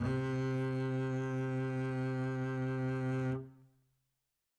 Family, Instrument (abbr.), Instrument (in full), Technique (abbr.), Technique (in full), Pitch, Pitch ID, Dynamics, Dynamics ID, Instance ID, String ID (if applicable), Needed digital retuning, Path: Strings, Cb, Contrabass, ord, ordinario, C3, 48, mf, 2, 1, 2, TRUE, Strings/Contrabass/ordinario/Cb-ord-C3-mf-2c-T12u.wav